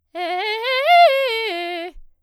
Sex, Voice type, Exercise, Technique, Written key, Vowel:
female, soprano, arpeggios, fast/articulated forte, F major, e